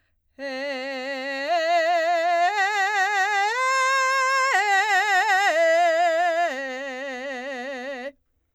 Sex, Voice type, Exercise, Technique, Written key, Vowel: female, soprano, arpeggios, belt, , e